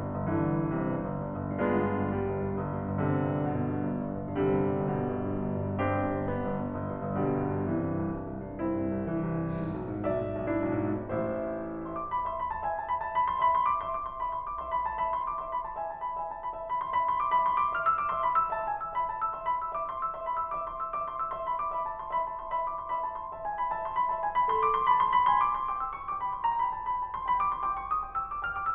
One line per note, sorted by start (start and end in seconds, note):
0.02 0.23 G2
0.16 0.40 G1
0.31 0.53 G2
0.31 0.77 D3
0.31 1.17 E3
0.45 0.72 G1
0.64 0.84 G2
0.79 1.00 G1
0.79 1.17 C3
0.92 1.14 G2
1.06 1.23 G1
1.18 1.36 G2
1.30 1.50 G1
1.43 1.64 G2
1.57 1.81 G1
1.57 2.09 G#3
1.57 2.54 B3
1.57 2.54 D4
1.57 2.54 F4
1.73 1.99 G2
1.88 2.16 G1
2.10 2.35 G2
2.10 2.54 G3
2.25 2.47 G1
2.42 2.61 G2
2.55 2.75 G1
2.69 2.97 G2
2.88 3.09 G1
3.03 3.30 G2
3.03 3.45 C3
3.03 3.89 D3
3.17 3.39 G1
3.36 3.55 G2
3.47 3.68 G1
3.47 3.89 B2
3.62 3.80 G2
3.75 3.98 G1
3.91 4.17 G2
4.08 4.30 G1
4.25 4.44 G2
4.37 4.62 G1
4.37 4.84 C3
4.37 5.27 D3
4.37 5.27 G3
4.53 4.76 G2
4.69 4.91 G1
4.85 5.11 G2
4.85 5.27 B2
5.02 5.24 G1
5.18 5.33 G2
5.28 5.49 G1
5.43 5.68 G2
5.61 5.82 G1
5.76 5.99 G2
5.76 6.24 C4
5.76 6.73 D4
5.76 6.73 G4
5.90 6.17 G1
6.10 6.32 G2
6.26 6.48 G1
6.26 6.73 B3
6.41 6.64 G2
6.56 6.85 G1
6.76 7.02 G2
6.94 7.15 G1
7.09 7.28 G2
7.21 7.44 G1
7.21 7.63 B2
7.21 7.63 D3
7.21 7.63 G3
7.37 7.56 G2
7.52 7.72 G1
7.66 7.83 G2
7.66 8.06 C3
7.66 8.06 E3
7.77 7.95 C2
7.92 8.13 G2
8.07 8.29 C2
8.23 8.49 G2
8.43 8.66 C2
8.59 8.80 G2
8.59 9.02 C4
8.59 9.02 E4
8.74 8.96 C2
8.87 9.14 G2
9.04 9.31 C2
9.04 9.63 E3
9.24 9.58 G2
9.47 9.71 C2
9.65 9.83 G#2
9.78 9.97 B1
9.92 10.12 G#2
10.07 10.28 B1
10.07 10.48 D5
10.07 10.48 E5
10.22 10.43 G#2
10.38 10.66 B1
10.51 10.88 G#2
10.51 11.18 D4
10.51 11.18 E4
10.77 11.11 B1
11.01 11.19 G#2
11.19 11.89 A1
11.19 11.89 A2
11.19 11.89 E4
11.19 11.89 C5
11.19 11.89 E5
11.90 12.27 E5
11.90 11.99 C6
12.01 12.11 D6
12.13 12.27 B5
12.30 12.64 E5
12.30 12.40 C6
12.42 12.54 B5
12.55 12.64 A5
12.66 13.02 E5
12.66 12.77 G#5
12.78 12.88 A5
12.89 13.02 B5
13.03 13.41 E5
13.03 13.11 A5
13.13 13.28 B5
13.29 13.41 C6
13.43 13.79 E5
13.43 13.54 B5
13.55 13.67 C6
13.68 13.79 D6
13.82 14.19 E5
13.82 13.92 C6
13.93 14.07 D6
14.10 14.19 C6
14.20 14.58 E5
14.20 14.29 B5
14.32 14.47 C6
14.48 14.58 D6
14.59 14.97 E5
14.59 14.76 C6
14.77 14.87 B5
14.88 14.97 A5
14.99 15.41 E5
14.99 15.19 B5
15.20 15.30 C6
15.33 15.41 D6
15.42 15.78 E5
15.42 15.53 C6
15.55 15.65 B5
15.66 15.78 A5
15.79 16.16 E5
15.79 15.91 G#5
15.93 16.06 A5
16.07 16.16 B5
16.18 16.58 E5
16.18 16.29 G#5
16.31 16.43 A5
16.44 16.58 B5
16.59 16.96 E5
16.59 16.72 A5
16.73 16.82 B5
16.85 16.96 C6
16.97 17.36 E5
16.97 17.08 B5
17.11 17.21 C6
17.25 17.36 D6
17.37 17.74 E5
17.37 17.46 B5
17.47 17.62 C6
17.64 17.74 D6
17.76 18.09 E5
17.76 17.86 F6
17.88 17.97 E6
18.00 18.09 D6
18.10 18.46 E5
18.10 18.22 C6
18.23 18.31 B5
18.32 18.46 E6
18.47 18.81 E5
18.47 18.58 A5
18.60 18.69 G#5
18.70 18.81 E6
18.83 19.28 E5
18.83 18.92 B5
19.01 19.17 A5
19.18 19.28 E6
19.30 19.76 E5
19.30 19.41 C6
19.42 19.62 B5
19.63 19.76 E6
19.77 20.11 E5
19.77 19.87 D6
19.89 19.99 C6
20.00 20.11 E6
20.12 20.49 E5
20.12 20.21 C6
20.23 20.38 B5
20.40 20.49 E6
20.50 20.92 E5
20.50 20.70 D6
20.72 20.82 C6
20.84 20.92 E6
20.93 21.32 E5
20.93 21.04 D6
21.05 21.20 C6
21.21 21.32 E6
21.33 21.66 E5
21.33 21.44 C6
21.46 21.57 B5
21.58 21.66 D6
21.70 22.12 E5
21.70 21.86 B5
21.87 21.99 A5
22.00 22.12 C6
22.13 22.55 E5
22.13 22.26 B5
22.27 22.41 A5
22.42 22.55 C6
22.56 22.94 E5
22.56 22.66 B5
22.69 22.80 D6
22.83 22.94 C6
22.95 23.32 E5
22.95 23.06 B5
23.07 23.19 A5
23.21 23.32 D6
23.34 23.71 E5
23.34 23.45 A5
23.46 23.58 G#5
23.60 23.71 B5
23.72 24.11 E5
23.72 23.84 A5
23.85 24.00 C6
24.01 24.11 B5
24.13 24.47 E5
24.13 24.22 A5
24.23 24.35 G#5
24.36 24.47 B5
24.50 24.83 A4
24.50 24.59 C6
24.61 24.74 D6
24.75 24.83 C6
24.85 25.29 A5
24.85 24.97 B5
24.99 25.11 C6
25.12 25.29 B5
25.30 25.73 G#5
25.30 25.45 C6
25.47 25.59 D6
25.62 25.73 C6
25.74 26.11 G5
25.74 25.83 D6
25.84 25.97 E6
25.98 26.11 C#6
26.12 26.44 G5
26.12 26.22 D6
26.23 26.32 B5
26.34 26.44 C6
26.45 26.88 G5
26.45 26.60 A#5
26.61 26.76 B5
26.77 26.88 A5
26.89 27.28 G5
26.89 26.99 B5
27.01 27.18 A5
27.19 27.28 C6
27.31 27.71 G5
27.31 27.41 B5
27.42 27.57 D6
27.59 27.71 C6
27.73 28.05 G5
27.73 27.83 D6
27.84 27.93 C#6
27.95 28.05 D#6
28.06 28.41 G5
28.06 28.15 D6
28.18 28.27 E6
28.28 28.41 D6
28.42 28.75 G5
28.42 28.51 F6
28.53 28.62 D6
28.63 28.75 E6